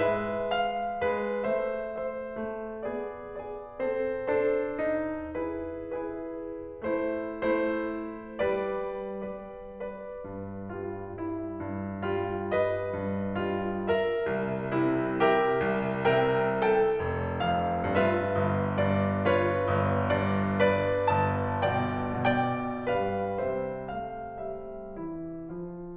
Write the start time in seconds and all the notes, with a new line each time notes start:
0.01 G#3 B4 E5
0.53 F5
1.00 G#3 B4
1.45 A3 C5 E5
1.91 C5 E5
2.39 A3
2.87 B3 G#4 D5
3.37 G#4 D5
3.79 C4 A4 C5
4.30 D4 A4 C5
4.82 D#4
5.45 E4 G#4 B4
5.95 E4 G#4 B4
6.39 E4
6.86 A3 E4 C5
7.34 A3 E4 C5
7.88 A3
8.38 G3 B4 D5
8.93 G3 B4 D5
9.61 B4 D5
10.25 G2
10.70 G3 F4
11.13 E4
11.60 G2
12.02 G3 F4
12.49 B4 D#5
12.86 G2
13.35 G3 F4
13.88 A#4 E5
14.39 C2
14.73 C3 E4
15.20 G4 A#4 E5
15.62 C2
16.07 C3 A#4 E5 G5
16.53 A4 G5
17.03 F1
17.44 F2 F5
17.92 G2 F4 B4 E5
18.26 G1
18.77 G2 D5
19.26 F4 C#5
19.64 G1
20.10 G2 D5
20.58 B4 D5
21.08 G1 A5
21.62 B2 D5 G5
22.26 B2 D5 G5
22.88 G2 G3 B4 F5
23.42 C3 G3 C5 E5
23.91 A3 F5
24.39 C3 G3 E5
24.99 E3 E4
25.51 F3 F4